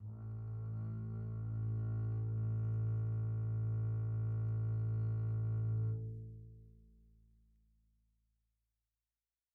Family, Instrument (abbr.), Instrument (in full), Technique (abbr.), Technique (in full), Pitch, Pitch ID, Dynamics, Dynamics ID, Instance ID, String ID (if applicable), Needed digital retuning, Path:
Strings, Cb, Contrabass, ord, ordinario, A1, 33, pp, 0, 2, 3, FALSE, Strings/Contrabass/ordinario/Cb-ord-A1-pp-3c-N.wav